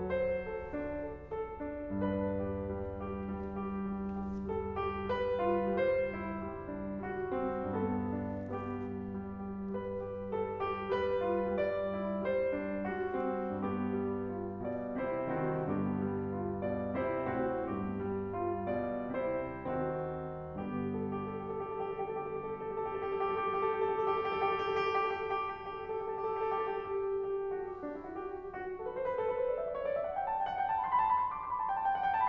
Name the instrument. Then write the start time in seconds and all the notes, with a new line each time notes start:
piano
0.01 F#3 C5
0.24 A4
0.49 A4
0.71 D4
1.04 A4
1.48 D4
1.83 G2 D4 B4
2.40 G4
2.72 G3
3.06 G4
3.33 G3
3.59 G4
3.91 G3
4.24 G4
4.49 G3 A4
4.79 G4
5.06 G3 B4
5.38 F4
5.79 G3 C5
6.12 E4
6.44 G3
6.72 D4
7.05 G3 F#4
7.29 C4
7.63 G2 B3 A4
8.12 D4
8.54 G3 B3 G4
8.86 G4
9.11 G3
9.50 G4
9.77 G3 B4
10.00 G4
10.34 G3 A4
10.58 G4
10.87 G3 B4
11.20 F4
11.59 G3 D5
11.94 E4
12.23 G3 C5
12.54 D4
12.82 G3 F#4
13.07 C4
13.54 G2 B3 G4
14.05 G3
14.37 F4
14.65 B2 D5
15.03 C3 E4 C5
15.31 D#3 C4 F#4
15.68 G2 D3 B3 G4
15.99 G3
16.34 F4
16.65 B2 D5
17.01 C3 E4 C5
17.34 A2 C4 F#4
17.64 G2 B3 G4
17.95 G3
18.25 F4
18.72 B2 D5
19.16 C3 E4 C5
19.67 D#3 C4 F#4
20.61 G2 D3 G3 B3 G4
20.85 A4
21.00 G4
21.15 A4
21.26 G4
21.44 A4
21.55 G4
21.77 A4
21.90 G4
22.41 A4
22.75 G4
22.96 A4
23.09 G4
23.42 A4
23.55 G4
23.68 A4
23.89 G4
24.19 A4
24.38 G4
25.13 A4
25.70 G4
25.86 A4
26.12 G4
26.60 A4
26.84 G4
26.93 F#4
27.53 G4
27.83 D4
27.93 E4
28.03 F#4
28.16 G4
28.29 A4
28.38 G4
28.58 F#4
28.72 G4
28.78 A4
28.87 B4
28.95 C5
29.09 B4
29.23 A4
29.37 B4
29.46 C5
29.60 D5
29.67 E5
29.76 D5
29.82 C#5
29.90 D5
29.96 E5
30.09 F#5
30.25 A5
30.33 G5
30.52 F#5
30.57 G5
30.67 A5
30.78 C6
30.84 B5
30.93 A5
30.99 B5
31.23 D6
31.31 C6
31.41 B5
31.78 A5
31.91 G5
31.97 F#5
32.05 G5